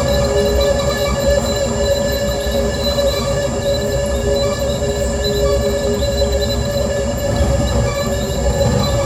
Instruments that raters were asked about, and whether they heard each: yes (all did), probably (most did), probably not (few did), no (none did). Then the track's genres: mallet percussion: probably not
Noise